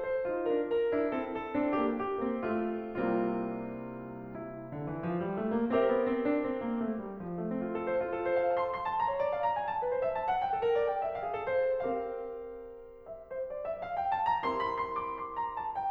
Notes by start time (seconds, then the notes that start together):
0.01 C5
0.28 D#4 F4
0.45 D4 A#4
0.69 A#4
0.91 D4 E4
1.12 C4 A4
1.31 A4
1.52 C4 D4
1.74 A#3 G4
2.00 G4
2.21 A#3 C4
2.46 A3 F4
2.99 C2 C3 G3 A#3 C4 F4
4.38 E4
4.68 D3
4.80 E3
4.99 F3
5.24 G3
5.39 A3
5.51 A#3
5.75 C4 G4 A#4 C5 E5
5.89 B3
6.10 C4
6.26 D4
6.46 C4
6.67 A#3
6.87 A3
7.04 G3
7.29 F3
7.41 A3
7.52 C4
7.67 F4
7.75 A4
7.87 C5
7.97 F4
8.14 A4
8.32 C5
8.42 F5
8.56 A5
8.76 C6
8.86 A5
9.02 A#5
9.12 C#5
9.22 D5
9.34 F5
9.42 A#5
9.58 G#5
9.69 A5
9.83 B4
9.96 C5
10.07 E5
10.19 A5
10.28 F#5
10.42 G5
10.52 A4
10.68 A#4
10.77 D5
10.92 G5
11.05 E5
11.15 F5
11.23 G#4
11.40 A4
11.50 C5
11.69 C4 G4 A#4 F5
13.07 E5
13.25 C5
13.44 D5
13.64 E5
13.81 F5
13.94 G5
14.11 A5
14.29 A#5
14.44 C4 E4 G4 A#4 C6
14.61 B5
14.74 C6
14.95 D6
15.21 C6
15.37 A#5
15.56 A5
15.75 G5